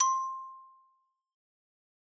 <region> pitch_keycenter=72 lokey=70 hikey=75 volume=5.417107 lovel=0 hivel=83 ampeg_attack=0.004000 ampeg_release=15.000000 sample=Idiophones/Struck Idiophones/Xylophone/Hard Mallets/Xylo_Hard_C5_pp_01_far.wav